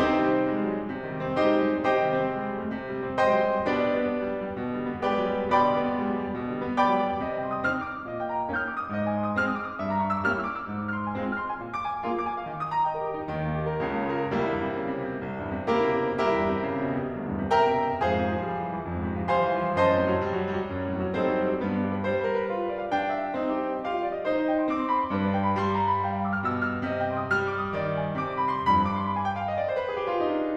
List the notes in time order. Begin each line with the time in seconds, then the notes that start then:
0.00 C3 C4 D#4 G4 C5
0.14 D#3
0.27 G3
0.37 C4
0.48 G#3
0.59 G3
0.75 F#3
0.87 G3
0.96 C3
1.08 D#3
1.20 G3
1.31 C4
1.42 G#3 D#4 G4 C5 D#5
1.52 G3
1.64 F#3
1.76 G3
1.87 C3 G4 C5 D#5 G5
2.02 D#3
2.15 G3
2.24 C4
2.36 G#3
2.45 G3
2.54 F#3
2.66 G3
2.79 C3
2.89 D#3
2.97 G3
3.05 C4
3.16 G#3 C5 D#5 G5 C6
3.26 G3
3.37 F#3
3.53 G3
3.63 B2 D4 G4 B4 D5
3.76 D3
3.88 G3
3.98 B3
4.12 G#3
4.25 G3
4.34 F#3
4.44 G3
4.56 B2
4.69 D3
4.83 G3
4.93 B3
5.03 G#3 G4 B4 D5 G5
5.17 G3
5.31 F#3
5.42 G3
5.53 B2 D5 G5 B5 D6
5.62 D3
5.72 G3
5.83 B3
5.97 G#3
6.07 G3
6.14 F#3
6.23 G3
6.34 B2
6.43 D3
6.55 G3
6.66 B3
6.78 G#3 D5 G5 B5 D6
6.93 G3
7.05 F#3
7.16 G3
7.27 C3 D#5
7.38 G5
7.49 C6
7.57 D#6
7.69 C4 D#4 F6
7.79 D#6
7.89 D6
7.96 D#6
8.07 A#2 D#5
8.21 G5
8.32 C6
8.43 D#6
8.54 A#3 C#4 D#4 F6
8.65 D#6
8.75 D6
8.86 D#6
8.96 C3 D#5
9.06 G#5
9.16 C6
9.26 D#6
9.35 G#3 C4 D#4 F6
9.46 D#6
9.57 D6
9.68 D#6
9.80 A#2 E5
9.90 A#5
10.04 C#6
10.14 E6
10.24 G3 A#3 C#4 E4 F6
10.33 E6
10.44 D6
10.54 E6
10.70 G#2
10.84 F6
10.96 C6
11.05 G#5
11.16 G#3 C4 F4
11.26 F6
11.37 C6
11.47 G#5
11.54 A#2
11.63 D6
11.87 G#5
11.96 F5
12.07 A#3 F4 G#4
12.16 D6
12.25 G#5
12.39 F5
12.48 D#3
12.59 D#6
12.68 A#5
12.78 G5
12.88 D#5
12.98 A#4
13.06 G4
13.17 D#4
13.31 D#2 D#3
13.51 A#3
13.62 G4
13.73 A#4
13.85 C#2 C#3
13.99 A#3
14.09 F4
14.21 A#4
14.36 C2 G3 A#3 E4
14.51 E2
14.62 G2
14.74 C3
14.84 C#3
14.95 C3
15.05 B2
15.15 C3
15.26 C2
15.36 E2
15.51 G2
15.62 C3
15.74 C#3 A#3 E4 G4 A#4
15.86 C3
15.99 B2
16.10 C3
16.22 C2 E4 G4 A#4 E5
16.32 E2
16.42 G2
16.53 C3
16.66 C#3
16.81 C3
16.93 B2
17.03 C3
17.12 C2
17.22 E2
17.32 G2
17.41 C3
17.53 C#3 A#4 E5 G5 A#5
17.66 C3
17.75 B2
17.86 C3
18.01 F2 G#4 C5 F5 G#5
18.11 G#2
18.22 C3
18.37 F3
18.47 G3
18.58 F3
18.67 E3
18.77 F3
18.88 F2
18.99 G#2
19.11 C3
19.20 F3
19.33 G3 C5 F5 G#5 C6
19.47 F3
19.59 E3
19.73 F3
19.83 F#2 C5 D#5 A5 C6
19.93 A2
20.03 C3
20.14 F#3
20.24 G3
20.35 F#3
20.46 G3
20.57 F#3
20.68 F#2
20.81 A2
20.96 C3
21.08 F#3
21.19 G3 C4 D#4 A4 C5
21.29 F#3
21.42 G3
21.54 F#3
21.64 G2 B3
21.73 D4
21.84 G4
21.95 B4
22.07 G3 C5
22.16 B4
22.28 A#4
22.40 B4
22.51 F4
22.62 B4
22.70 D5
22.81 F5
22.91 D4 G5
23.02 F5
23.13 E5
23.22 F5
23.37 C4 D#4
23.49 G4
23.59 C5
23.74 D#5
23.86 G4 F5
23.97 D#5
24.08 D5
24.17 D#5
24.29 D#4 C5
24.39 D#5
24.49 G5
24.61 C6
24.72 C4 D6
24.82 C6
24.92 B5
25.01 C6
25.11 G2 B4
25.21 D5
25.33 G5
25.43 B5
25.55 G3 C6
25.66 B5
25.79 A#5
25.90 B5
26.03 F5
26.13 B5
26.23 D6
26.32 F6
26.41 B2 G6
26.51 F6
26.62 E6
26.73 F6
26.83 D#5
26.97 G5
27.09 C6
27.20 D#6
27.32 G3 F6
27.42 D#6
27.54 D6
27.63 D#6
27.76 D#3 C5
27.86 D#5
27.98 G5
28.12 C6
28.22 C3 D6
28.34 C6
28.46 B5
28.54 C6
28.70 G2 B5
28.84 D6
28.97 C6
29.07 B5
29.19 G#5
29.29 G5
29.40 F5
29.49 D#5
29.59 D5
29.68 C5
29.79 B4
29.90 G#4
29.99 G4
30.09 F4
30.22 D#4
30.45 D4